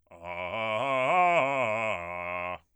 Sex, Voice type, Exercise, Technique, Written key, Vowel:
male, bass, arpeggios, fast/articulated forte, F major, a